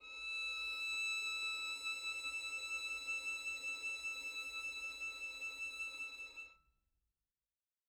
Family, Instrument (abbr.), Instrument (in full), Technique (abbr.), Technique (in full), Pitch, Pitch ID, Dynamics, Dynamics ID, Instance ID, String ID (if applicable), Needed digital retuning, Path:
Strings, Vn, Violin, ord, ordinario, E6, 88, mf, 2, 1, 2, FALSE, Strings/Violin/ordinario/Vn-ord-E6-mf-2c-N.wav